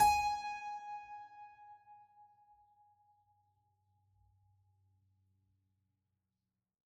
<region> pitch_keycenter=80 lokey=80 hikey=81 volume=-3.383531 trigger=attack ampeg_attack=0.004000 ampeg_release=0.400000 amp_veltrack=0 sample=Chordophones/Zithers/Harpsichord, French/Sustains/Harpsi2_Normal_G#4_rr1_Main.wav